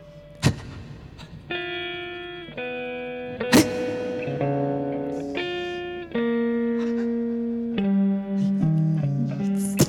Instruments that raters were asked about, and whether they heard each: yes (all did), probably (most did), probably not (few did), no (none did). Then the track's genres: guitar: yes
Sound Poetry